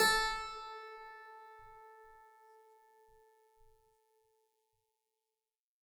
<region> pitch_keycenter=57 lokey=57 hikey=59 volume=-1.315981 trigger=attack ampeg_attack=0.004000 ampeg_release=0.40000 amp_veltrack=0 sample=Chordophones/Zithers/Harpsichord, Flemish/Sustains/High/Harpsi_High_Far_A3_rr2.wav